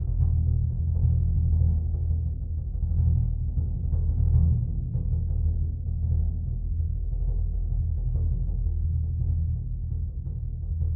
<region> pitch_keycenter=64 lokey=64 hikey=64 volume=10.931566 lovel=107 hivel=127 ampeg_attack=0.004000 ampeg_release=2.000000 sample=Membranophones/Struck Membranophones/Bass Drum 2/bassdrum_roll_fast_f.wav